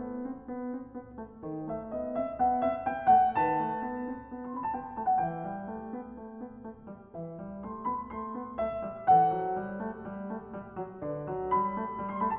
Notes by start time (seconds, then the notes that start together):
0.00 B3
0.27 C4
0.46 B3
0.67 C4
0.92 B3
1.17 A3
1.45 D#3 A4 C5
1.73 A3 E5
1.96 B3 D#5
2.19 C4 E5
2.40 B3 F#5
2.64 C4 E5
2.84 B3 G5
3.13 A3 F#5
3.39 D#3 B4 F#5 A5
3.66 A3
3.89 B3
4.13 C4
4.33 B3
4.44 C6
4.55 C4 B5
4.63 A5
4.76 B3 G5
4.97 A3 A5
5.09 F#5
5.21 E3 B4 E5 G5
5.46 G3
5.70 A3
5.94 B3
6.20 A3
6.42 B3
6.63 A3
6.88 G3
7.13 E3 B4 E5
7.40 G3
7.65 A3 C6
7.87 B3 B5
8.10 A3 C6
8.34 B3
8.60 A3 E5
8.86 G3
9.10 E3 A4 C5 F#5
9.31 F#3
9.56 G3
9.79 A3
10.04 G3
10.30 A3
10.59 G3
10.81 F#3
11.01 D3 B4 D5
11.26 F#3
11.54 G3 B5
11.78 A3
11.97 G3
12.11 C6
12.20 A3 B5
12.28 A5